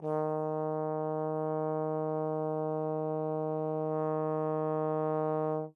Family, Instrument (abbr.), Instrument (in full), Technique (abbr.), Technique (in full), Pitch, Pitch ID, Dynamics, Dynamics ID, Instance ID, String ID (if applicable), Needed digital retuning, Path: Brass, Tbn, Trombone, ord, ordinario, D#3, 51, mf, 2, 0, , FALSE, Brass/Trombone/ordinario/Tbn-ord-D#3-mf-N-N.wav